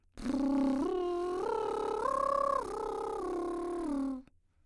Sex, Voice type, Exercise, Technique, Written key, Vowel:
female, soprano, arpeggios, lip trill, , u